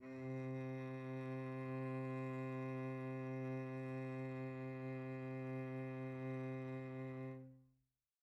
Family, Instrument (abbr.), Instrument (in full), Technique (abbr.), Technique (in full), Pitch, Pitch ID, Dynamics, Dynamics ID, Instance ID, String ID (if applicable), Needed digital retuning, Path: Strings, Vc, Cello, ord, ordinario, C3, 48, pp, 0, 2, 3, FALSE, Strings/Violoncello/ordinario/Vc-ord-C3-pp-3c-N.wav